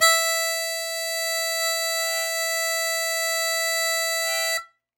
<region> pitch_keycenter=76 lokey=75 hikey=77 volume=3.213282 trigger=attack ampeg_attack=0.100000 ampeg_release=0.100000 sample=Aerophones/Free Aerophones/Harmonica-Hohner-Super64/Sustains/Accented/Hohner-Super64_Accented_E4.wav